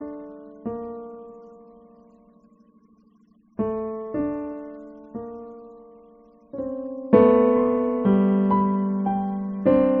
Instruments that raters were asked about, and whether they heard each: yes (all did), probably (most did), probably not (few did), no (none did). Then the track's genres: piano: yes
Radio